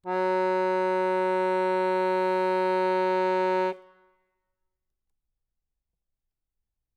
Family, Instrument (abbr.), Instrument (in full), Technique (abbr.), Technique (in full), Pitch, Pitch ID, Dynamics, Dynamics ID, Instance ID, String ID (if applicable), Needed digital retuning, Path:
Keyboards, Acc, Accordion, ord, ordinario, F#3, 54, ff, 4, 1, , FALSE, Keyboards/Accordion/ordinario/Acc-ord-F#3-ff-alt1-N.wav